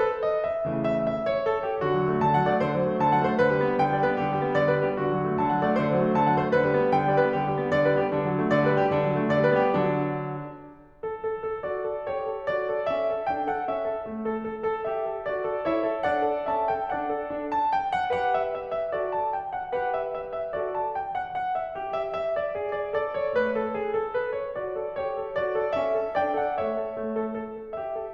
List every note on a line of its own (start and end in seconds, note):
0.00 0.20 A4
0.20 0.46 D#5
0.46 0.68 E5
0.70 1.04 C#3
0.70 1.04 E3
0.70 1.04 A3
0.87 1.04 E5
1.04 1.30 E5
1.30 1.46 C#5
1.46 1.64 A4
1.65 1.83 G4
1.83 1.97 D3
1.83 2.23 F#4
1.97 2.11 F#3
2.11 2.23 A3
2.24 2.38 D3
2.24 2.38 A5
2.38 2.52 F#3
2.38 2.52 F#5
2.52 2.65 A3
2.52 2.65 D5
2.65 2.74 D3
2.65 3.00 C5
2.75 2.86 F#3
2.86 3.00 A3
3.00 3.13 D3
3.00 3.13 A5
3.13 3.27 F#3
3.13 3.27 F#5
3.29 3.39 A3
3.29 3.39 C5
3.40 3.53 D3
3.40 3.82 B4
3.53 3.68 G3
3.68 3.82 B3
3.82 3.94 D3
3.82 3.94 G5
3.95 4.06 G3
3.95 4.06 D5
4.06 4.18 B3
4.06 4.18 B4
4.18 4.31 D3
4.18 4.57 G4
4.31 4.42 G3
4.44 4.57 B3
4.57 4.71 D3
4.57 4.71 D5
4.71 4.85 G3
4.71 4.85 B4
4.85 4.98 B3
4.85 4.98 G4
4.99 5.10 D3
4.99 5.39 F#4
5.11 5.22 F#3
5.22 5.39 A3
5.39 5.53 D3
5.39 5.53 A5
5.54 5.64 F#3
5.54 5.64 F#5
5.65 5.78 A3
5.65 5.78 D5
5.78 5.91 D3
5.78 6.18 C5
5.91 6.06 F#3
6.06 6.18 A3
6.19 6.30 D3
6.19 6.30 A5
6.30 6.44 F#3
6.30 6.44 F#5
6.44 6.57 A3
6.44 6.57 C5
6.57 6.70 D3
6.57 6.93 B4
6.71 6.82 G3
6.82 6.93 B3
6.93 7.08 D3
6.93 7.08 G5
7.08 7.20 G3
7.08 7.20 D5
7.21 7.33 B3
7.21 7.33 B4
7.34 7.48 D3
7.34 7.73 G4
7.48 7.60 G3
7.60 7.73 B3
7.73 7.88 D3
7.73 7.88 D5
7.89 8.01 G3
7.89 8.01 B4
8.01 8.14 B3
8.01 8.14 G4
8.14 8.29 D3
8.14 8.51 D4
8.29 8.39 F#3
8.41 8.51 A3
8.51 8.65 D3
8.51 8.65 D5
8.65 8.78 G3
8.65 8.78 B4
8.78 8.89 B3
8.78 8.89 G4
8.90 9.03 D3
8.90 9.33 D4
9.03 9.18 F#3
9.21 9.33 A3
9.33 9.50 D3
9.33 9.50 D5
9.51 9.62 G3
9.51 9.62 B4
9.62 9.82 B3
9.62 9.82 G4
9.82 10.32 D3
9.82 10.32 F#3
9.82 10.32 D4
11.04 11.27 A4
11.27 11.49 A4
11.49 11.68 A4
11.69 11.92 F#4
11.69 12.11 D5
11.94 12.11 A4
12.11 12.27 G4
12.11 12.50 C#5
12.27 12.50 A4
12.50 12.70 F#4
12.50 12.88 D5
12.70 12.88 A4
12.88 13.11 C#4
12.88 13.34 E5
13.12 13.34 A4
13.35 13.53 D4
13.35 13.53 G5
13.53 13.72 A4
13.53 13.72 F#5
13.72 13.90 C#4
13.72 14.07 E5
13.90 14.07 A4
14.07 14.49 A3
14.29 14.49 A4
14.50 14.65 A4
14.66 14.86 A4
14.86 15.10 G4
14.86 15.31 E5
15.10 15.31 A4
15.31 15.49 F#4
15.31 15.67 D5
15.49 15.67 A4
15.69 15.80 E4
15.69 16.02 C#5
15.69 16.02 E5
15.81 16.02 A4
16.02 16.20 D4
16.02 16.46 D5
16.02 16.46 F#5
16.20 16.46 A4
16.46 16.68 C#4
16.46 16.68 E5
16.46 16.68 A5
16.68 16.92 A4
16.68 16.92 G5
16.92 17.10 D4
16.92 17.30 D5
16.92 17.30 F#5
17.11 17.30 A4
17.31 17.72 D4
17.52 17.72 A5
17.72 17.95 G5
17.95 18.12 F#5
18.12 18.96 G4
18.12 18.96 B4
18.12 18.33 F#5
18.33 18.53 E5
18.54 18.75 E5
18.76 18.96 E5
18.96 19.35 F#4
18.96 19.35 A4
18.96 19.17 D5
19.17 19.35 A5
19.35 19.52 G5
19.52 19.73 F#5
19.75 20.57 G4
19.75 20.57 B4
19.75 19.96 F#5
19.97 20.24 E5
20.24 20.39 E5
20.39 20.57 E5
20.57 20.96 F#4
20.57 20.96 A4
20.57 20.76 D5
20.76 20.96 A5
20.96 21.14 G5
21.15 21.36 F#5
21.37 21.61 F#5
21.61 21.78 E5
21.78 22.19 G4
21.98 22.19 E5
22.19 22.37 E5
22.37 22.53 D5
22.55 22.94 G#4
22.69 22.94 D5
22.94 23.38 A4
22.94 23.15 D5
23.15 23.38 C#5
23.38 23.75 A3
23.38 23.57 B4
23.57 23.75 A4
23.77 23.93 G#4
23.94 24.16 A4
24.16 24.37 B4
24.37 24.60 C#5
24.60 24.79 F#4
24.60 25.00 D5
24.79 25.00 A4
25.00 25.21 G4
25.00 25.38 C#5
25.22 25.38 A4
25.39 25.53 F#4
25.39 25.76 D5
25.53 25.76 A4
25.76 25.91 C#4
25.76 26.17 E5
25.91 26.17 A4
26.17 26.33 D4
26.17 26.33 D5
26.17 26.33 G5
26.33 26.58 A4
26.33 26.58 F#5
26.59 26.75 A3
26.59 26.92 C#5
26.59 26.92 E5
26.75 26.92 A4
26.92 27.40 A3
27.23 27.40 A4
27.40 27.57 A4
27.57 27.74 A4
27.75 27.92 G4
27.75 28.12 E5
27.93 28.12 A4